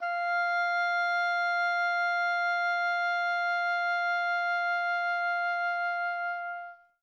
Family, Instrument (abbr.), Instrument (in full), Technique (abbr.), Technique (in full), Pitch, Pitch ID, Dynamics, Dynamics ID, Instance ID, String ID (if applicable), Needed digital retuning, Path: Winds, Ob, Oboe, ord, ordinario, F5, 77, mf, 2, 0, , TRUE, Winds/Oboe/ordinario/Ob-ord-F5-mf-N-T12u.wav